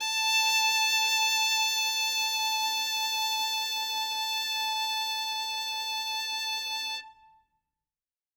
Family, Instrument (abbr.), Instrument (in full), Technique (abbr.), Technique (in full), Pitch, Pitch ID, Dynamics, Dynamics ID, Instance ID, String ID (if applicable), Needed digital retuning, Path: Strings, Vn, Violin, ord, ordinario, A5, 81, ff, 4, 0, 1, FALSE, Strings/Violin/ordinario/Vn-ord-A5-ff-1c-N.wav